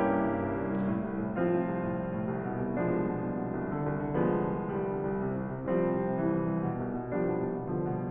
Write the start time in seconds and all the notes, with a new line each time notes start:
0.00 G2 A#3 C#4 E4 G4
0.15 C2
0.29 G2
0.45 C2
0.53 G2
0.70 C2
0.89 A2
1.08 C2
1.20 A2
1.37 C2 F3 C4 F4
1.52 A2
1.67 C2
1.83 A2
1.96 C2
2.14 A2
2.30 C2
2.46 B2
2.58 C2
2.75 B2 F3 G#3 D4
2.95 C2
3.05 B2
3.24 C2
3.41 B2
3.61 C2
3.77 D3
3.90 C2
4.06 D3
4.17 C2 F3 G#3 B3
4.34 D3
4.53 C2
4.70 D3 G3
4.90 C2
5.06 D3
5.21 C2
5.35 C3
5.47 C2
5.64 C3 F3 G3 C4
5.82 C2
6.01 C3
6.22 C2 E3
6.39 C3
6.52 C2
6.69 B2
6.84 C2
6.99 B2
7.14 C2 F3 G3 D4
7.26 B2
7.42 C2
7.62 B2 D3 G3
7.79 C2
7.96 B2